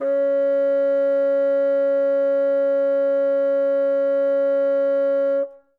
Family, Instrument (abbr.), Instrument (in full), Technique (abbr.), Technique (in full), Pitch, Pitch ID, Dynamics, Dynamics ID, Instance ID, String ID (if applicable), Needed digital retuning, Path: Winds, Bn, Bassoon, ord, ordinario, C#4, 61, ff, 4, 0, , FALSE, Winds/Bassoon/ordinario/Bn-ord-C#4-ff-N-N.wav